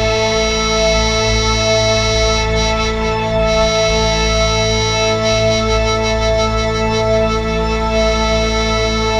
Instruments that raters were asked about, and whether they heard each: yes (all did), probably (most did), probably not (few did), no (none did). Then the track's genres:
accordion: probably not
Indie-Rock